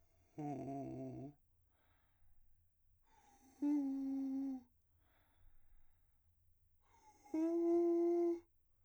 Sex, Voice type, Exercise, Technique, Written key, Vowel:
male, , long tones, inhaled singing, , u